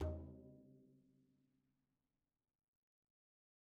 <region> pitch_keycenter=61 lokey=61 hikey=61 volume=34.044099 lovel=0 hivel=83 seq_position=1 seq_length=2 ampeg_attack=0.004000 ampeg_release=15.000000 sample=Membranophones/Struck Membranophones/Frame Drum/HDrumL_Hit_v2_rr1_Sum.wav